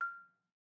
<region> pitch_keycenter=89 lokey=87 hikey=91 volume=13.241202 offset=186 lovel=66 hivel=99 ampeg_attack=0.004000 ampeg_release=30.000000 sample=Idiophones/Struck Idiophones/Balafon/Soft Mallet/EthnicXylo_softM_F5_vl2_rr2_Mid.wav